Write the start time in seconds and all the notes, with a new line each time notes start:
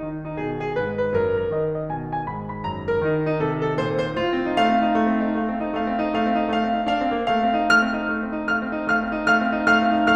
0.00 D#3 D#4
0.24 D#4
0.37 B2 G#4
0.64 G#4
0.78 G#2 B4
1.02 B4
1.13 F#2 A#4
1.37 A#4
1.53 D#3 D#5
1.81 D#5
1.90 B2 G#5
2.17 G#5
2.30 G#2 B5
2.57 B5
2.71 F#2 A#5
2.93 A#4
3.05 D#3 D#4
3.31 D#4
3.45 C3 G#4
3.70 G#4
3.81 A#2 C5
4.10 C5
4.24 G#2 F4
4.37 C4
4.52 D#4
4.64 A3 F5
4.75 C4
4.85 D#4
4.98 A3
5.10 C4
5.21 D#4
5.34 A3 F5
5.46 C4
5.61 D#4
5.75 A3 F5
5.91 C4
6.01 D#4
6.18 A3 F5
6.35 C4
6.46 D#4
6.59 A3 F5
6.79 C4
6.91 D#4
7.02 A3 F5
7.14 C4
7.27 D#4
7.37 A3 F5
7.49 C4
7.60 D#4
7.72 A3 F6
7.84 C4
7.94 D#4
8.10 A3
8.23 C4
8.36 D#4
8.49 A3 F5 F6
8.64 C4
8.77 D#4
8.89 A3 F5 F6
9.04 C4
9.13 D#4
9.24 A3 F5 F6
9.36 C4
9.53 D#4
9.68 A3 F5 F6
9.86 C4
10.01 D#4